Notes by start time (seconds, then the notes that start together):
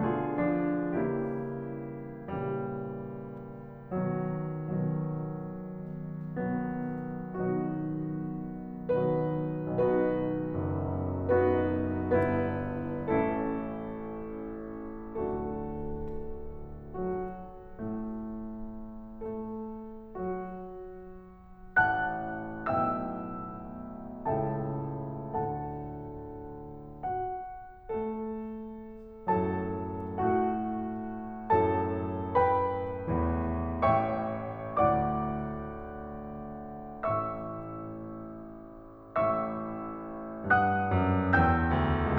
0.01 B2 D3 F4 G#4
0.38 F3 D4
0.99 C#3 E3 G3 A#3 E4 G4
2.01 A#2 C#3 E3 G3
3.45 B2 D#3 F#3
4.02 B2 D#3 F#3
5.83 B2 D#3 F#3 B3
6.83 B2 D#3 F#3 B3 D#4 F#4
8.86 B2 D#3 F#3 B3 D#4 F#4 B4
9.76 B1 B2 B3 D#4 F#4 B4
10.57 F#1 F#2
11.38 B3 D#4 F#4 B4
12.19 G1 G2 B3 E4 B4
13.07 A1 A2 A3 C#4 E4 A4
14.99 D1 D2 A3 D4 F#4 A4
16.92 F#3 F#4
17.77 A2 A3
19.31 A3 A4
20.19 F#3 F#4
21.82 A1 A2 F#5 A5 F#6
22.77 B1 A2 B2 E5 G5 E6
24.30 C#2 A2 C#3 A4 E5 G5 A5
25.36 D2 A2 D3 A4 F#5 A5
27.05 F#4 F#5
27.85 A3 A4
29.30 F#2 F#3 A4 A5
30.16 A2 A3 F#4 F#5
31.60 F#2 A2 F#3 A4 A5
32.36 B4 B5
33.12 E2 E3
33.85 A1 A2 C#5 E5 G5 C#6
34.70 D2 A2 D5 F#5 D6
37.06 A1 A2 E5 C#6 E6
39.15 A1 A2 E5 C#6 E6
40.55 G2 F#5 D#6 F#6
40.99 F#2
41.35 E2 G5 E6 G6
41.70 D2